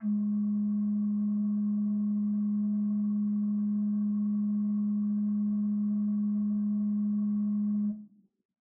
<region> pitch_keycenter=56 lokey=56 hikey=57 offset=119 ampeg_attack=0.004000 ampeg_release=0.300000 amp_veltrack=0 sample=Aerophones/Edge-blown Aerophones/Renaissance Organ/8'/RenOrgan_8foot_Room_G#2_rr1.wav